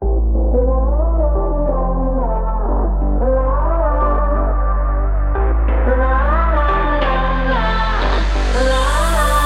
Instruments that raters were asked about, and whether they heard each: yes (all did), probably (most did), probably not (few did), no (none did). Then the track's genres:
voice: yes
Hip-Hop; Rap